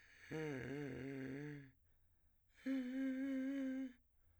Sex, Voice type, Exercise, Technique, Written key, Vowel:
male, , long tones, inhaled singing, , e